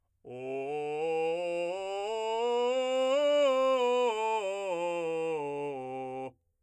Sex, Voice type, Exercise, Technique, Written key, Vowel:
male, , scales, straight tone, , o